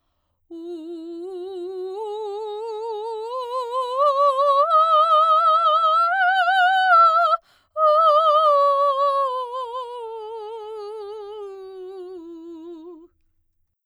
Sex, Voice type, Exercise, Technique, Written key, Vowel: female, soprano, scales, slow/legato forte, F major, u